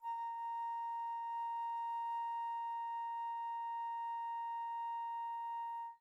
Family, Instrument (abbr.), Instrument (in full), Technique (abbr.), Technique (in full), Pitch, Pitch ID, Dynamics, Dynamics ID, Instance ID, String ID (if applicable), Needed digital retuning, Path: Winds, Fl, Flute, ord, ordinario, A#5, 82, pp, 0, 0, , FALSE, Winds/Flute/ordinario/Fl-ord-A#5-pp-N-N.wav